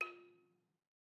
<region> pitch_keycenter=65 lokey=64 hikey=68 volume=19.146550 offset=187 lovel=66 hivel=99 ampeg_attack=0.004000 ampeg_release=30.000000 sample=Idiophones/Struck Idiophones/Balafon/Traditional Mallet/EthnicXylo_tradM_F3_vl2_rr1_Mid.wav